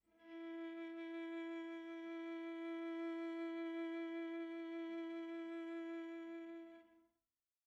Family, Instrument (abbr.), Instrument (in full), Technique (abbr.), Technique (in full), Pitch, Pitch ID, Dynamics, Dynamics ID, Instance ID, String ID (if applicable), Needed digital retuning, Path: Strings, Va, Viola, ord, ordinario, E4, 64, pp, 0, 2, 3, FALSE, Strings/Viola/ordinario/Va-ord-E4-pp-3c-N.wav